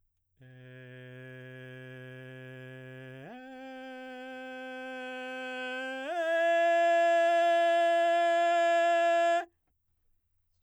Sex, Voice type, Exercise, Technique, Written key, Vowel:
male, baritone, long tones, straight tone, , e